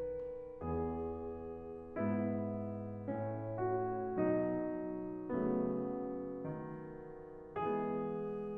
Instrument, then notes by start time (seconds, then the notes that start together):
piano
0.00 E2 B3 G#4
1.75 G#2 B3 E4
3.04 A2 C#4
3.56 F#4
4.13 B2 F#3 D#4
5.31 C#3 F#3 A3 B3
6.43 D#3
7.52 E3 G#3 B3 G#4